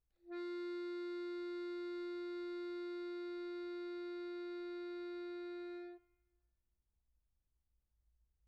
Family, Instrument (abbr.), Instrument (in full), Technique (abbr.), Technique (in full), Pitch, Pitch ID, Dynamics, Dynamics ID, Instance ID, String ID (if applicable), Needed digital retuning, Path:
Keyboards, Acc, Accordion, ord, ordinario, F4, 65, pp, 0, 0, , FALSE, Keyboards/Accordion/ordinario/Acc-ord-F4-pp-N-N.wav